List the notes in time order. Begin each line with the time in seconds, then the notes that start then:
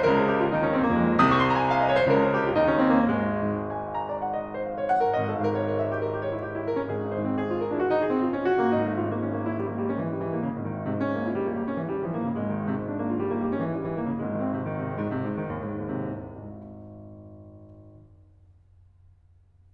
0.00 C#2 C#3 A#4
0.10 G#4
0.26 G4
0.38 F4
0.49 D#2 D#3 D#4
0.60 C#4
0.74 C4
0.87 A#3
1.01 F2 F3 G#3
1.25 C2 C3 D#6
1.31 C#6
1.37 C6
1.42 A#5
1.47 G#5
1.54 G5
1.61 F5
1.68 D#5
1.85 C#5
1.93 C5
2.02 C#2 C#3 A#4
2.21 G#4
2.31 G4
2.44 F4
2.55 D#2 D#3 D#4
2.66 C#4
2.80 C4
2.98 A#3
3.10 G#1 G#3
3.32 G#2
3.63 G#5
3.85 F5
3.96 A#5
4.06 D5
4.20 F#5
4.33 D#5
4.45 G#5
4.56 C5
4.66 F5
4.77 C#5
4.92 F#5
5.03 A#4
5.14 G#1 D#5
5.25 A4
5.35 G#2 C#5 F5
5.45 A#4
5.58 C#5
5.70 A#4
5.81 E5
5.93 G4
6.04 A#4
6.14 G4
6.26 C#5
6.36 E4
6.47 G4
6.59 E4
6.71 A#4
6.84 C#4
6.97 G#1 G#4
7.11 D#4
7.21 G#2 C5
7.31 C4
7.44 G#4
7.57 F4
7.64 A#4
7.71 D4
7.81 F#4
7.94 D#4
8.03 G#4
8.10 C4
8.22 F4
8.34 C#4
8.42 F#4
8.58 A#3
8.72 G#1 D#4
8.84 A3
8.97 G#2 C#4 F4
9.08 A#3
9.20 C#4
9.33 A#3
9.46 E4
9.58 G3
9.69 A#3
9.79 G3
9.89 C#4
10.00 E3
10.11 G3
10.23 E3
10.33 A#3
10.43 C#3
10.54 G#1 G#3
10.63 D#3
10.74 G#2 C4
10.87 C3
10.97 C#4
11.10 A#3
11.24 E4
11.33 G3
11.41 A#3
11.49 G3
11.64 C#4
11.76 E3
11.91 G3
12.02 E3
12.13 A#3
12.21 C#3
12.33 G#1 G#3
12.41 D#3
12.50 G#2 C4
12.61 C3
12.72 C#4
12.85 A#3
12.95 E4
13.04 G3
13.14 A#3
13.25 G3
13.35 C#4
13.44 E3
13.55 G3
13.65 E3
13.75 A#3
13.84 C#3
13.92 G#1 G#3
14.08 C4
14.27 D#3
14.36 C3
14.45 G#3
14.69 C3
14.77 G#2
14.86 D#3
15.05 G#2
15.16 D#2
15.28 C3
15.41 C2
15.52 G#1
18.52 G#2